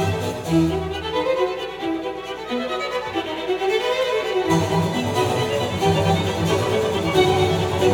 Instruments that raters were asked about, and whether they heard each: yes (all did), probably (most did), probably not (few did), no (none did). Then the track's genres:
violin: yes
banjo: no
Classical; Chamber Music